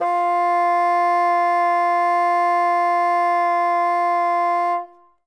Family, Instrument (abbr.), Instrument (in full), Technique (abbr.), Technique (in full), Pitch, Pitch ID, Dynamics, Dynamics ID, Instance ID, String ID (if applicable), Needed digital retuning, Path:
Winds, Bn, Bassoon, ord, ordinario, F4, 65, ff, 4, 0, , FALSE, Winds/Bassoon/ordinario/Bn-ord-F4-ff-N-N.wav